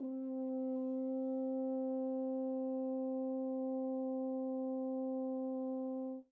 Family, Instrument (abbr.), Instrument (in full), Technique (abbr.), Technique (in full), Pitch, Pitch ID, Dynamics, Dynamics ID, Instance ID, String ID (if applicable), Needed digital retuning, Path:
Brass, Hn, French Horn, ord, ordinario, C4, 60, pp, 0, 0, , FALSE, Brass/Horn/ordinario/Hn-ord-C4-pp-N-N.wav